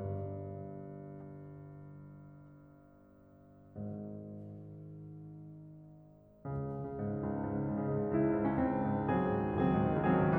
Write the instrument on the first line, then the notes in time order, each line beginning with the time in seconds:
piano
0.00 G1 G2
3.80 G#1 G#2
6.59 C#2 C#3
6.79 C#3
6.97 G#2
7.12 C#3
7.22 C#2
7.31 C#3
7.42 G#2
7.52 C#3
7.66 C#2
7.84 C#3
7.99 G#2
8.10 C#3
8.20 C#2 E4
8.31 C#3
8.42 G#2
8.51 C#3 C#4
8.61 C#2 C4
8.74 D#3
8.90 G#2
9.06 D#3
9.16 C#2 F#3 C4 G#4
9.25 D#3
9.36 G#2
9.45 D#3
9.58 C#2 F#3 C4 G#4
9.68 D#3
9.80 G#2
9.91 D#3
10.02 C#2 F#3 C4 G#4
10.12 D#3
10.22 G#2
10.31 D#3